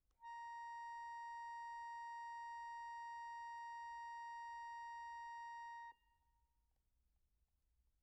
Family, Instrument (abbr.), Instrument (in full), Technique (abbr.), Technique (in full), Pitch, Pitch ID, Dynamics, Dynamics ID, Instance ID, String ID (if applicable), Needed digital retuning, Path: Keyboards, Acc, Accordion, ord, ordinario, A#5, 82, pp, 0, 2, , FALSE, Keyboards/Accordion/ordinario/Acc-ord-A#5-pp-alt2-N.wav